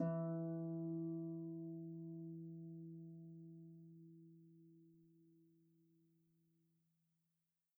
<region> pitch_keycenter=52 lokey=52 hikey=53 volume=22.477942 xfout_lovel=70 xfout_hivel=100 ampeg_attack=0.004000 ampeg_release=30.000000 sample=Chordophones/Composite Chordophones/Folk Harp/Harp_Normal_E2_v2_RR1.wav